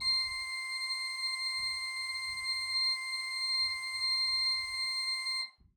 <region> pitch_keycenter=84 lokey=84 hikey=85 volume=6.167979 ampeg_attack=0.004000 ampeg_release=0.300000 amp_veltrack=0 sample=Aerophones/Edge-blown Aerophones/Renaissance Organ/Full/RenOrgan_Full_Room_C5_rr1.wav